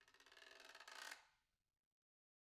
<region> pitch_keycenter=63 lokey=63 hikey=63 volume=15.000000 offset=246 ampeg_attack=0.004000 ampeg_release=30.000000 sample=Idiophones/Struck Idiophones/Guiro/Guiro_Slow_rr2_Mid.wav